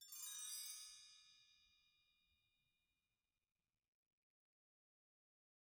<region> pitch_keycenter=62 lokey=62 hikey=62 volume=25.000000 offset=290 ampeg_attack=0.004000 ampeg_release=15.000000 sample=Idiophones/Struck Idiophones/Bell Tree/Stroke/BellTree_Stroke_3_Mid.wav